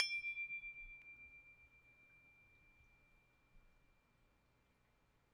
<region> pitch_keycenter=86 lokey=86 hikey=87 volume=10.949646 lovel=66 hivel=99 ampeg_attack=0.004000 ampeg_release=30.000000 sample=Idiophones/Struck Idiophones/Tubular Glockenspiel/D1_medium1.wav